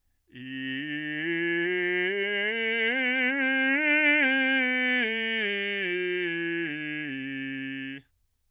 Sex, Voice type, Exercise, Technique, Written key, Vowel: male, bass, scales, slow/legato forte, C major, i